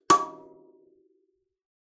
<region> pitch_keycenter=85 lokey=85 hikey=86 tune=-57 volume=-0.002467 offset=4636 ampeg_attack=0.004000 ampeg_release=15.000000 sample=Idiophones/Plucked Idiophones/Kalimba, Tanzania/MBira3_pluck_Main_C#5_k24_50_100_rr2.wav